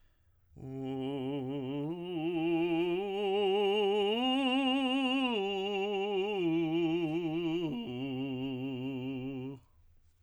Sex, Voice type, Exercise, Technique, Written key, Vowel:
male, tenor, arpeggios, vibrato, , u